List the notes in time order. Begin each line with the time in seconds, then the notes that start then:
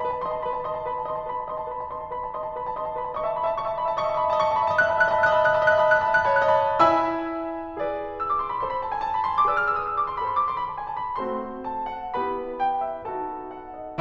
0.00 B4 B5
0.10 A5
0.21 D#5 C6
0.33 A5
0.44 B4 B5
0.55 A5
0.65 D#5 C6
0.74 A5
0.84 B4 B5
0.95 A5
1.06 D#5 C6
1.14 A5
1.25 B4 B5
1.36 A5
1.46 D#5 C6
1.58 A5
1.71 B4 B5
1.81 A5
1.90 D#5 C6
2.01 A5
2.11 B4 B5
2.23 A5
2.35 D#5 C6
2.46 A5
2.54 B4 B5
2.65 A5
2.76 D#5 C6
2.86 A5
2.97 B4 B5
3.08 A5
3.18 D#5 C#6
3.23 E5
3.27 D#5 A5
3.36 E5
3.42 D#5 B5
3.48 E5
3.54 D#5 A5
3.59 D#5 E5 C#6
3.67 E5
3.72 D#5 E5 A5
3.81 D#5 B5
3.85 E5
3.90 D#5 E5 A5
3.98 D#5 C#6
4.03 D#5 E5 A5
4.12 E5
4.17 D#5 B5
4.21 E5
4.27 D#5 A5
4.32 E5
4.37 D#5 C#6
4.44 E5
4.49 D#5 A5
4.54 E5
4.59 D#5 B5
4.63 E5
4.68 D#5 A5
4.73 E5
4.81 D#5 F#6
4.85 E5
4.90 D#5 A5 B5
4.97 E5
5.02 D#5 F#6
5.06 E5
5.12 D#5 A5 B5
5.18 E5
5.33 D#5 F#6
5.38 E5
5.45 D#5 A5 B5
5.49 E5
5.54 D#5 F#6
5.60 E5
5.68 D#5 A5 B5
5.72 E5
5.78 D#5 F#6
5.83 E5
5.87 D#5 A5 B5
5.93 E5
5.98 D#5 F#6
6.03 E5
6.08 D#5 A5 B5
6.14 E5
6.21 D#5 F#6
6.26 E5
6.32 D#5 A5 B5
6.36 E5
6.42 D#5 F#6
6.51 E5
6.56 C#5 A5 B5
6.63 D#5
6.73 E4 E5 G#5 B5 E6
7.77 G#4 B4 D5
8.17 E6
8.27 D6
8.38 C6
8.52 B5
8.60 A4 C5 C6
8.70 B5
8.81 A5
8.88 G#5
9.02 A5
9.13 B5
9.28 C6
9.43 D6
9.52 G#4 B4 D5 E6
9.66 F6
9.75 E6
9.86 D#6
9.94 E6
10.01 D6
10.09 C6
10.18 B5
10.25 A4 C5 C6
10.36 D6
10.45 C6
10.55 B5
10.68 A5
10.77 G#5
10.88 A5
11.01 B5
11.20 A3 C4 F#4 A4 C5 C6
11.60 A5
11.82 F#5
12.18 B3 E4 G4 B4 B5
12.62 G5
12.84 E5
13.08 B3 D#4 F#4 A4 A5
13.54 F#5
13.78 D#5